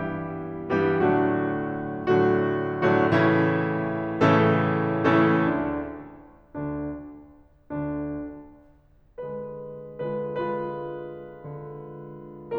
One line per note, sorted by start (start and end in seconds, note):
0.00 0.72 G2
0.00 0.72 E3
0.00 0.72 G3
0.00 0.72 B3
0.00 0.72 E4
0.00 0.72 G4
0.72 1.08 G2
0.72 1.08 E3
0.72 1.08 G3
0.72 1.08 B3
0.72 1.08 E4
0.72 1.08 G4
1.09 2.10 A2
1.09 2.10 D3
1.09 2.10 F#3
1.09 2.10 A3
1.09 2.10 D4
1.09 2.10 F#4
2.10 2.74 A2
2.10 2.74 D3
2.10 2.74 F#3
2.10 2.74 A3
2.10 2.74 D4
2.10 2.74 F#4
2.74 3.04 A2
2.74 3.04 D3
2.74 3.04 F#3
2.74 3.04 A3
2.74 3.04 D4
2.74 3.04 F#4
3.05 4.08 A2
3.05 4.08 C#3
3.05 4.08 E3
3.05 4.08 A3
3.05 4.08 C#4
3.05 4.08 E4
4.09 5.13 A2
4.09 5.13 C#3
4.09 5.13 E3
4.09 5.13 A3
4.09 5.13 C#4
4.09 5.13 E4
4.09 5.13 A4
5.14 5.34 A2
5.14 5.34 C#3
5.14 5.34 E3
5.14 5.34 A3
5.14 5.34 C#4
5.14 5.34 E4
5.14 5.34 A4
5.34 6.32 D2
5.34 6.32 D3
5.34 6.32 D4
6.32 7.80 D2
6.32 7.80 D3
6.32 7.80 D4
7.81 9.72 D2
7.81 9.72 D3
7.81 9.72 D4
9.73 10.31 D3
9.73 10.31 G#3
9.73 10.31 F4
9.73 10.31 B4
10.32 10.48 D3
10.32 10.48 G#3
10.32 10.48 F4
10.32 10.48 B4
10.48 11.46 D3
10.48 12.57 G#3
10.48 12.57 F4
10.48 12.57 B4
11.47 12.57 D3